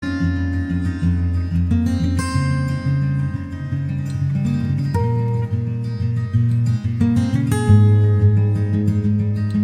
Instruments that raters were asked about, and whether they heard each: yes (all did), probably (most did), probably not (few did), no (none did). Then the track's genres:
guitar: yes
Country; Folk